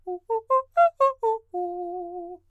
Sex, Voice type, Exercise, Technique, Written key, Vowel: male, countertenor, arpeggios, fast/articulated forte, F major, u